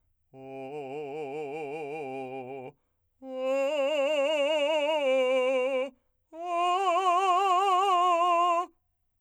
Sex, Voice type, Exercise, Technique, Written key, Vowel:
male, , long tones, trill (upper semitone), , o